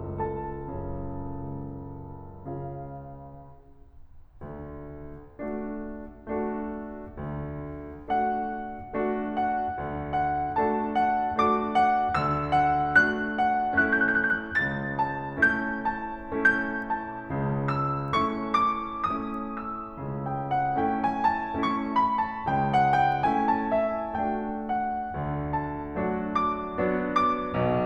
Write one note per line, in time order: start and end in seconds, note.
0.00 0.71 C#2
0.00 2.45 A4
0.00 2.45 A5
0.73 1.47 F#2
0.73 1.47 C#3
1.52 2.45 C#2
2.47 3.26 C#3
2.47 3.26 F4
2.47 3.26 F5
4.40 4.89 D2
4.40 4.89 D3
5.42 5.87 A3
5.42 5.87 D4
5.42 5.87 F#4
5.42 5.87 A4
6.34 6.73 A3
6.34 6.73 D4
6.34 6.73 F#4
6.34 6.73 A4
7.19 7.71 D2
7.19 7.71 D3
8.12 8.48 A3
8.12 8.48 D4
8.12 8.48 F#4
8.12 8.48 A4
8.12 9.36 F#5
8.97 9.36 A3
8.97 9.36 D4
8.97 9.36 F#4
8.97 9.36 A4
9.37 10.11 F#5
9.76 10.11 D2
9.76 10.11 D3
10.12 10.92 F#5
10.59 10.92 A3
10.59 10.92 D4
10.59 10.92 F#4
10.59 10.92 A4
10.59 11.39 A5
10.94 11.82 F#5
11.45 11.82 A3
11.45 11.82 D4
11.45 11.82 F#4
11.45 11.82 A4
11.45 12.14 D6
11.84 12.52 F#5
12.16 12.52 D2
12.16 12.52 D3
12.16 12.96 E6
12.54 13.37 F#5
12.98 13.37 A3
12.98 13.37 D4
12.98 13.37 F#4
12.98 13.37 A4
12.98 13.80 F#6
13.39 13.80 F#5
13.82 14.27 A3
13.82 14.27 C#4
13.82 14.27 E4
13.82 14.27 A4
13.82 13.91 F#6
13.92 14.01 G6
14.02 14.15 F#6
14.18 14.27 G6
14.29 14.36 F#6
14.38 14.45 G6
14.48 14.54 E6
14.55 14.58 F#6
14.59 14.95 C#2
14.59 14.95 C#3
14.59 15.30 A6
14.97 16.79 A5
15.33 15.74 A3
15.33 15.74 C#4
15.33 15.74 E4
15.33 15.74 A4
15.33 16.36 G6
16.38 16.79 A3
16.38 16.79 C#4
16.38 16.79 E4
16.38 16.79 A4
16.38 17.74 G6
16.80 17.74 A5
17.26 17.74 C#2
17.26 17.74 C#3
17.75 18.20 E6
18.22 18.61 A3
18.22 18.61 C#4
18.22 18.61 E4
18.22 18.61 A4
18.22 18.61 C#6
18.67 19.13 D6
19.18 19.56 A3
19.18 19.56 C#4
19.18 19.56 E4
19.18 19.56 A4
19.18 19.56 D#6
19.57 20.25 E6
19.98 20.36 C#2
19.98 20.36 C#3
20.26 20.51 G5
20.54 20.78 F#5
20.79 21.13 A3
20.79 21.13 C#4
20.79 21.13 E4
20.79 21.13 A4
20.79 21.03 G5
21.05 21.27 A5
21.28 21.52 A#5
21.55 21.98 A3
21.55 21.98 C#4
21.55 21.98 E4
21.55 21.98 A4
21.55 21.80 C#6
21.82 22.15 B5
22.18 22.41 A5
22.42 22.78 C#2
22.42 22.78 C#3
22.42 22.66 G5
22.67 22.95 F#5
22.96 23.25 G5
23.27 23.66 A3
23.27 23.66 C#4
23.27 23.66 E4
23.27 23.66 A4
23.27 23.53 G#5
23.55 23.79 A5
23.80 24.21 E5
24.24 24.62 A3
24.24 24.62 D4
24.24 24.62 F#4
24.24 24.62 A4
24.24 24.62 G5
24.65 25.52 F#5
25.15 25.52 D2
25.15 25.52 D3
25.53 26.30 A5
25.91 26.30 F#3
25.91 26.30 A3
25.91 26.30 D4
25.91 26.30 F#4
26.31 27.06 D6
26.73 27.06 F#3
26.73 27.06 B3
26.73 27.06 D4
26.73 27.06 F#4
27.10 27.84 D6
27.48 27.84 B1
27.48 27.84 B2